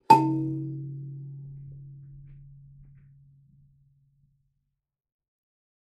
<region> pitch_keycenter=49 lokey=49 hikey=50 tune=24 volume=-0.519795 offset=4561 ampeg_attack=0.004000 ampeg_release=15.000000 sample=Idiophones/Plucked Idiophones/Kalimba, Tanzania/MBira3_pluck_Main_C#2_k10_50_100_rr2.wav